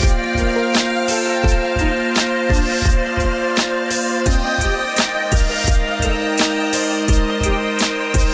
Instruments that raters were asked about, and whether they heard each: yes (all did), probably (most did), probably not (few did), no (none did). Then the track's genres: organ: probably not
Electronic; IDM; Downtempo